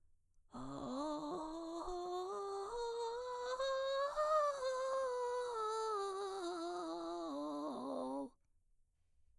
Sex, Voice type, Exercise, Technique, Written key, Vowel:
female, mezzo-soprano, scales, vocal fry, , o